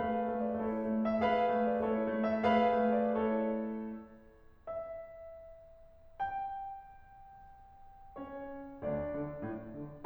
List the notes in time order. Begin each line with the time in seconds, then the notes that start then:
0.00 A3 G#4 B4 F5
0.31 A3
0.46 D5
0.60 A3 E4 A4 C#5
0.87 A3
1.07 E5
1.27 A3 G#4 B4 F5
1.56 A3
1.70 D5
1.85 A3 E4 A4 C#5
2.11 A3
2.29 E5
2.47 A3 G#4 B4 F5
2.82 A3
2.97 D5
3.16 A3 E4 A4 C#5
4.68 E5
6.22 G5
8.19 C#4 C#5
8.85 D2 D4 D5
9.15 D3
9.42 A2
9.75 D3